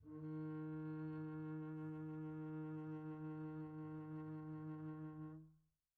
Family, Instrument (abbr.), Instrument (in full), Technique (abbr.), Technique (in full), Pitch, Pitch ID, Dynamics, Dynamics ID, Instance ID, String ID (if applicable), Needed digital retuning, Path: Strings, Cb, Contrabass, ord, ordinario, D#3, 51, pp, 0, 3, 4, FALSE, Strings/Contrabass/ordinario/Cb-ord-D#3-pp-4c-N.wav